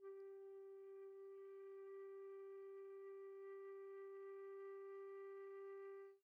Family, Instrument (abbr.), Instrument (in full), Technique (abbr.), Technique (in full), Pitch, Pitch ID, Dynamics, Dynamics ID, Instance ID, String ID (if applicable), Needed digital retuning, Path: Winds, Fl, Flute, ord, ordinario, G4, 67, pp, 0, 0, , FALSE, Winds/Flute/ordinario/Fl-ord-G4-pp-N-N.wav